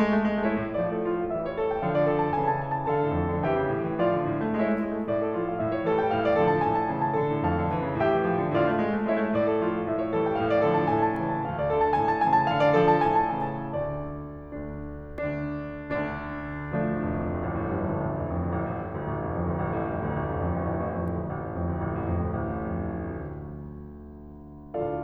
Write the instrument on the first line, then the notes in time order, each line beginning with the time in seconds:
piano
0.00 G#3
0.20 A3
0.34 G#3
0.44 A3 E4 C#5
0.57 A2
0.70 A2 F3 A3 D5
0.86 A4
1.08 F4
1.20 F5
1.32 E3 G3 E5
1.44 C#5
1.56 A4
1.70 G5
1.81 D3 F3 F5
1.94 D5
2.03 A4
2.16 A5
2.31 C#3 E3 G#5
2.41 A5
2.51 G#5
2.62 A5
2.86 D3 A4 F5 A5
3.02 A2
3.15 F2
3.30 F3
3.47 E3 G4 E5 G5
3.62 C#3
3.78 A2
3.91 G3
4.03 F3 F4 D5 F5
4.20 D3
4.33 A2
4.46 A3
4.56 G#3 E4 C#5 E5
4.68 A3
4.82 G#3
4.96 A3
5.07 A2 D5
5.18 A4
5.29 F3 A3 F4
5.41 F5
5.57 A2 E5
5.70 C#5
5.85 E3 G3 A4
5.99 G5
6.11 A2 F5
6.25 D5
6.36 D3 F3 A4
6.49 A5
6.61 A2 G#5
6.73 A5
6.86 C#3 E3 G#5
7.01 A5
7.15 D3 A4
7.31 A2
7.49 F2 F5 A5
7.60 F3
7.73 E3
7.88 C#3
8.02 A2 G4 E5 G5
8.14 G3
8.25 F3
8.38 D3
8.53 A2 F4 D5 F5
8.67 A3
8.81 G#3
8.95 A3
9.09 G#3 E4 C#5 E5
9.21 A3
9.33 A2 D5
9.47 A4
9.60 F3 A3 F4
9.75 F5
9.89 A2 E5
10.03 C#5
10.15 E3 G3 A4
10.27 G5
10.41 A2 F5
10.52 D5
10.63 D3 F3 A4
10.76 A5
10.96 A2 G#5
11.09 A5
11.23 C#3 E3 G#5
11.35 A5
11.47 D2 F5
11.59 D5
11.70 D3 A4
11.83 A5
11.96 A2 G#5
12.07 A5
12.27 C#3 E3 G#5
12.42 A5
12.54 D3 F5
12.64 D5
12.79 F3 A4
12.91 A5
13.05 A2 G#5
13.20 A5
13.34 C#3 E3 G#5
13.54 A5
13.77 D2 D3 D5
14.51 D2 D3 D4
15.26 D2 D3 D4
15.91 D2 D3 D4
16.68 D2 F3 A3 D4
16.81 A1
16.99 F1
17.10 F2
17.24 D2
17.38 A1
17.53 A2
17.67 F2
17.83 D2
17.98 A1
18.13 F1
18.30 F2
18.45 D2
18.59 A1
18.70 A2
18.83 F2
18.96 D2
19.09 A1
19.24 F1
19.38 F2
19.53 D2
19.64 A1
19.81 A2
19.97 F2
20.11 D2
20.27 A1
20.40 F1
20.53 F2
20.64 D2
20.78 A1
20.94 A2
21.12 F2
21.26 D2
21.37 A1
21.46 A2
21.56 F2
21.65 D2
21.80 A1
21.97 A2
22.09 F2
22.27 D2
22.40 A1
22.52 A2
22.66 F2
22.83 D2
23.02 A1
23.22 A2
23.39 F2
23.58 D2